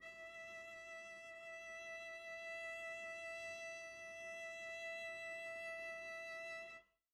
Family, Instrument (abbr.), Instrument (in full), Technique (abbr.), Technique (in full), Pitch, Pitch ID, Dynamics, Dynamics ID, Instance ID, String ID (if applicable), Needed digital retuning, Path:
Strings, Vc, Cello, ord, ordinario, E5, 76, pp, 0, 0, 1, FALSE, Strings/Violoncello/ordinario/Vc-ord-E5-pp-1c-N.wav